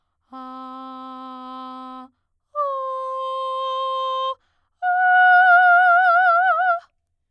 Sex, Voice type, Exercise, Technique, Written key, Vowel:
female, soprano, long tones, straight tone, , a